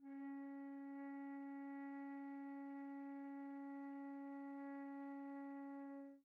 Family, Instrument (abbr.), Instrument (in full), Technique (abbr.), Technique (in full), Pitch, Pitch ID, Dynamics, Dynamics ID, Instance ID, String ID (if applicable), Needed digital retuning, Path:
Winds, Fl, Flute, ord, ordinario, C#4, 61, pp, 0, 0, , FALSE, Winds/Flute/ordinario/Fl-ord-C#4-pp-N-N.wav